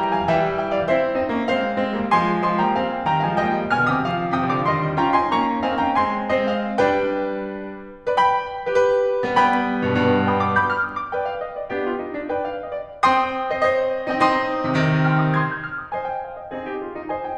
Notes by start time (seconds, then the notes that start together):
0.00 G5 A#5
0.14 F5 G#5
0.27 E3 G3 E5 G5
0.60 E5 G5
0.74 D5 F5
0.87 C4 E4 C5 E5
1.18 C4 D#4
1.35 A#3 C#4
1.51 G#3 C4 C5 F5
1.82 G#3 C4
1.96 G3 A#3
2.09 F3 G#3 G#5 C6
2.39 D3 F3 G#5 C6
2.58 D#3 G3 G5 A#5
2.72 F3 G#3 F5 G#5
3.11 C3 D#3 G5 A#5
3.26 D3 F3 F5 G#5
3.40 D#3 G3 D#5 G5
3.73 B2 D3 G#5 F6
3.88 C3 D#3 G5 D#6
4.03 D3 F3 F5 D6
4.33 A2 C3 G5 D#6
4.49 B2 D3 F5 D6
4.66 C3 D#3 D#5 C6
4.99 C#4 F4 G5 A#5
5.17 C4 D#4 G#5 C6
5.33 A#3 C#4 A#5 C#6
5.63 C4 D#4 F5 G#5
5.79 A#3 C#4 G5 A#5
5.97 G#3 C4 G#5 C6
6.34 G#3 C4 C5 D#5
6.48 F5
6.80 G3 D4 B4 G5
8.02 B4 D5
8.17 G5 B5
8.64 G4 B4
8.75 G4 B4
9.20 G3 B3 B4 D5
9.33 G3 B3 G5 B5
9.82 G2 B2
9.97 G2 B2
10.29 G5 B5 D#6
10.44 D6
10.59 B5 D6 G6
10.76 F6
10.91 D#6
11.03 D6
11.16 B4 D5 G5
11.28 F5
11.42 D#5
11.59 D5
11.76 B3 D4 G4
11.91 F4
12.05 D#4
12.17 D4
12.31 B4 D5 G5
12.48 F5
12.74 D#5
12.88 D5
13.05 C4 C5 G5 C6 D#6
13.50 C5 D#5
13.72 C5 D#5
14.15 C4 D#4 D#5
14.30 C4 D#4 C6 D#6
14.64 C3 D#3
14.78 C3 D#3
15.09 G5 C6 F6
15.24 D#6
15.38 C6 D#6 G#6
15.52 G6
15.65 F6
15.79 D#6
15.93 C5 D#5 G#5
16.09 G5
16.25 F5
16.38 D#5
16.58 C4 D#4 G#4
16.73 G4
16.86 F4
16.99 D#4
17.10 C5 D#5 G#5
17.26 G5